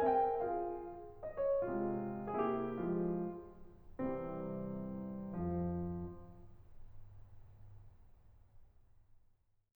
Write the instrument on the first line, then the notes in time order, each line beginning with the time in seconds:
piano
0.00 C4 A#4 E5 G#5
0.12 G5
0.38 F4 G#4 F5
1.23 D#5
1.38 C#5
1.68 C3 G#3 F4
2.39 C3 A#3 E4 G#4
2.60 G4
2.82 F3 G#3 F4
3.97 C2 C3 E3 G3 C4
5.34 F2 F3
8.80 F3